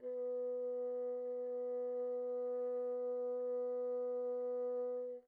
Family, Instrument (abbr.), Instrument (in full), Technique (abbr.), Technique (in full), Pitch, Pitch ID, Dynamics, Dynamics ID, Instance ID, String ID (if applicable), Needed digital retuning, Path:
Winds, Bn, Bassoon, ord, ordinario, B3, 59, pp, 0, 0, , FALSE, Winds/Bassoon/ordinario/Bn-ord-B3-pp-N-N.wav